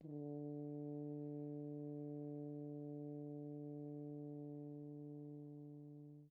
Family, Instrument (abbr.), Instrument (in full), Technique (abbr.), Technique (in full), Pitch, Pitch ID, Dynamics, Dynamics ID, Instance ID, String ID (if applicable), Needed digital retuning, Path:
Brass, Hn, French Horn, ord, ordinario, D3, 50, pp, 0, 0, , FALSE, Brass/Horn/ordinario/Hn-ord-D3-pp-N-N.wav